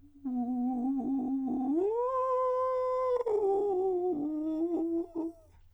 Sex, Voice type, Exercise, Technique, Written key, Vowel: male, countertenor, long tones, inhaled singing, , u